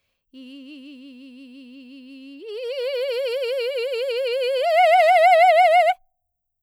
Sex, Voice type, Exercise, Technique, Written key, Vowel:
female, soprano, long tones, trill (upper semitone), , i